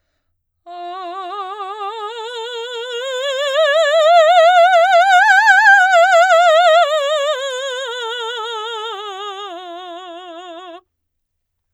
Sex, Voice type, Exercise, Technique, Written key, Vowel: female, soprano, scales, slow/legato forte, F major, a